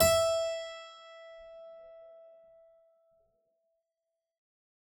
<region> pitch_keycenter=76 lokey=76 hikey=77 volume=-0.013350 trigger=attack ampeg_attack=0.004000 ampeg_release=0.350000 amp_veltrack=0 sample=Chordophones/Zithers/Harpsichord, English/Sustains/Normal/ZuckermannKitHarpsi_Normal_Sus_E4_rr1.wav